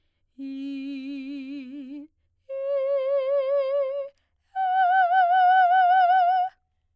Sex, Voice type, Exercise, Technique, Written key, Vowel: female, soprano, long tones, full voice pianissimo, , i